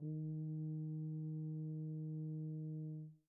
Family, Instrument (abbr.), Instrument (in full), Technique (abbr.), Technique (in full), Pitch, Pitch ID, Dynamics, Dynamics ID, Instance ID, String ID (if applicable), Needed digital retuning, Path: Brass, BTb, Bass Tuba, ord, ordinario, D#3, 51, pp, 0, 0, , FALSE, Brass/Bass_Tuba/ordinario/BTb-ord-D#3-pp-N-N.wav